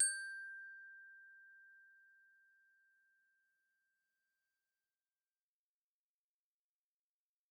<region> pitch_keycenter=79 lokey=76 hikey=81 volume=16.175601 xfin_lovel=84 xfin_hivel=127 ampeg_attack=0.004000 ampeg_release=15.000000 sample=Idiophones/Struck Idiophones/Glockenspiel/glock_loud_G5_01.wav